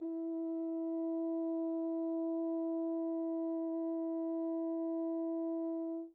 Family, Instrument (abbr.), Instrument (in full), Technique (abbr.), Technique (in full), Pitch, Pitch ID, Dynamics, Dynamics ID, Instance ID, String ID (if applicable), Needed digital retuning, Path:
Brass, Hn, French Horn, ord, ordinario, E4, 64, pp, 0, 0, , FALSE, Brass/Horn/ordinario/Hn-ord-E4-pp-N-N.wav